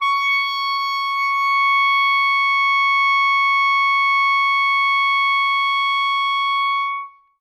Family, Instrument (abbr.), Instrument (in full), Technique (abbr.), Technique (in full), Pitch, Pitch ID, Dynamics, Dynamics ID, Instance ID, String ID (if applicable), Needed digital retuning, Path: Winds, ClBb, Clarinet in Bb, ord, ordinario, C#6, 85, ff, 4, 0, , FALSE, Winds/Clarinet_Bb/ordinario/ClBb-ord-C#6-ff-N-N.wav